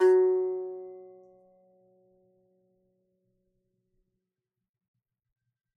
<region> pitch_keycenter=54 lokey=54 hikey=54 volume=-9.241131 lovel=66 hivel=99 ampeg_attack=0.004000 ampeg_release=15.000000 sample=Chordophones/Composite Chordophones/Strumstick/Finger/Strumstick_Finger_Str1_Main_F#2_vl2_rr1.wav